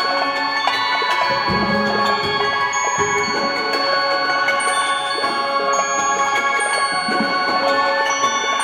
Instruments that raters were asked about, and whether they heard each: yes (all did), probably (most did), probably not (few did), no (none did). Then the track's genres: mallet percussion: yes
Contemporary Classical